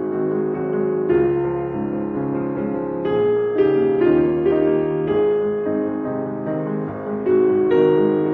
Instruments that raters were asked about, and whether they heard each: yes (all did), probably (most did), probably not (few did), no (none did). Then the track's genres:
guitar: no
piano: yes
banjo: no
synthesizer: no
Classical